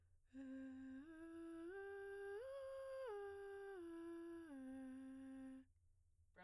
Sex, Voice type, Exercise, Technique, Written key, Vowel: female, soprano, arpeggios, breathy, , e